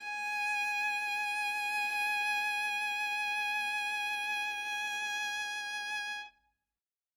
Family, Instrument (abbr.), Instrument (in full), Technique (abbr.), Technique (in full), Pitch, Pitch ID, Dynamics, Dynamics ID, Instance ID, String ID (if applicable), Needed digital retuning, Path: Strings, Va, Viola, ord, ordinario, G#5, 80, ff, 4, 0, 1, TRUE, Strings/Viola/ordinario/Va-ord-G#5-ff-1c-T15u.wav